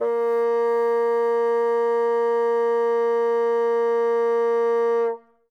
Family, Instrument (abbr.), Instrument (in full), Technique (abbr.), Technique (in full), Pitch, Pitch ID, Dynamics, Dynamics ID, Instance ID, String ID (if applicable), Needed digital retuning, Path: Winds, Bn, Bassoon, ord, ordinario, A#3, 58, ff, 4, 0, , FALSE, Winds/Bassoon/ordinario/Bn-ord-A#3-ff-N-N.wav